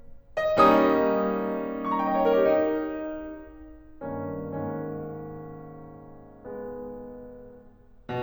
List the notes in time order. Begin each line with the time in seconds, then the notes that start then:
0.60 G3 A#3 C#4 D#4 D#5
0.77 D#6
1.85 C#6
1.91 A#5
1.99 G5
2.07 D#5
2.17 C#5
2.26 A#4
2.37 G4
2.47 D#4
4.06 G2 D#3 A#3 C#4
4.67 G#2 D#3 A#3 C#4
6.43 G#3 B3
7.98 B2